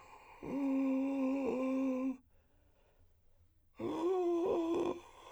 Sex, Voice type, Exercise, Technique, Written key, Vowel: male, , long tones, inhaled singing, , o